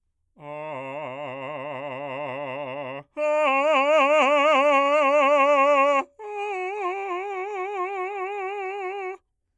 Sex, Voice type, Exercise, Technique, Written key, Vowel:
male, bass, long tones, trill (upper semitone), , a